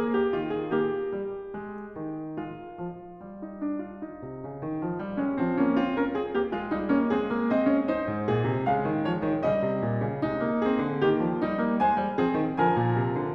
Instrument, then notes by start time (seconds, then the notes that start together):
piano
0.00 A#3 G#4
0.20 G4
0.38 D#3 F4
0.51 G#4
0.74 A#3 G4
1.13 G3
1.53 G#3
1.96 D#3
2.36 G#3 F4
2.80 F3
3.22 G3
3.44 D#4
3.60 D4
3.78 F4
4.02 D#4
4.23 C3
4.42 C#3
4.62 D#3
4.79 F3
4.99 G3
5.17 G#3 C#4
5.38 F3 C4
5.58 A#3 C#4
5.79 C4 F4
5.93 C#4 A#4
6.14 C4 G#4
6.35 A#3 G4
6.52 G#3 F4
6.72 G3 D#4
6.94 A#3 C#4
7.13 G#3 C4 G#4
7.33 A#3
7.51 C4 D#5
7.67 C#4
7.86 D#4 C5
8.08 G#2
8.29 A#2 G#4
8.46 C3
8.66 C#3 G#3 F5
8.86 D#3
9.03 F3 C#5
9.22 D#3
9.42 C#3 G3 D#5
9.64 C3
9.83 A#2
10.01 C#3
10.23 C3 G#3 D#4
10.40 A#3
10.59 C4 G#4
10.81 D3
11.02 D#3 A#3 G4
11.23 F3
11.44 G3 D#4
11.66 A#3
11.81 G#3 C5 G#5
11.99 G3
12.21 F3 C4 G#4
12.38 D#3
12.60 D3 F3 A#4 G#5
12.77 A#2
12.95 C3
13.18 D3